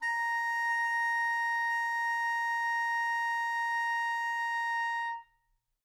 <region> pitch_keycenter=82 lokey=82 hikey=83 volume=18.390762 offset=203 lovel=0 hivel=83 ampeg_attack=0.004000 ampeg_release=0.500000 sample=Aerophones/Reed Aerophones/Tenor Saxophone/Non-Vibrato/Tenor_NV_Main_A#4_vl2_rr1.wav